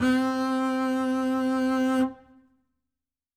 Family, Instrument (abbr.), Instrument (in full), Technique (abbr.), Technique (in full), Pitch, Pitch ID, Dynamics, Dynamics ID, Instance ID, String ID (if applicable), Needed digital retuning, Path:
Strings, Cb, Contrabass, ord, ordinario, C4, 60, ff, 4, 0, 1, FALSE, Strings/Contrabass/ordinario/Cb-ord-C4-ff-1c-N.wav